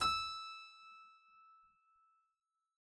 <region> pitch_keycenter=88 lokey=87 hikey=89 volume=6.511423 trigger=attack ampeg_attack=0.004000 ampeg_release=0.350000 amp_veltrack=0 sample=Chordophones/Zithers/Harpsichord, English/Sustains/Normal/ZuckermannKitHarpsi_Normal_Sus_E5_rr1.wav